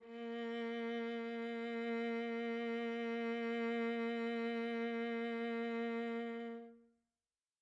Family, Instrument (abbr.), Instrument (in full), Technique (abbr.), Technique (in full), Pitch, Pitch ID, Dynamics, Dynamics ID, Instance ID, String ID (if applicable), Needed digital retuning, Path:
Strings, Va, Viola, ord, ordinario, A#3, 58, mf, 2, 2, 3, FALSE, Strings/Viola/ordinario/Va-ord-A#3-mf-3c-N.wav